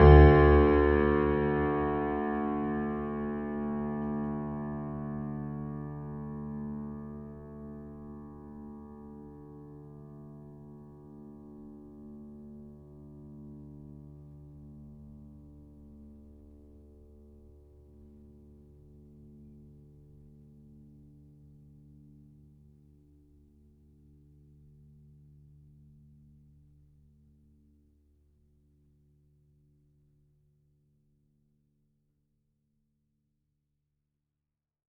<region> pitch_keycenter=38 lokey=38 hikey=39 volume=0.144940 lovel=0 hivel=65 locc64=65 hicc64=127 ampeg_attack=0.004000 ampeg_release=0.400000 sample=Chordophones/Zithers/Grand Piano, Steinway B/Sus/Piano_Sus_Close_D2_vl2_rr1.wav